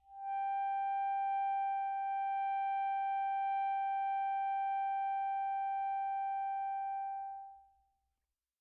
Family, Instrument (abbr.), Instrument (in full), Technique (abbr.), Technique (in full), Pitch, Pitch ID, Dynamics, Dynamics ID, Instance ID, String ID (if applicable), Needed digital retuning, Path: Winds, ASax, Alto Saxophone, ord, ordinario, G5, 79, pp, 0, 0, , FALSE, Winds/Sax_Alto/ordinario/ASax-ord-G5-pp-N-N.wav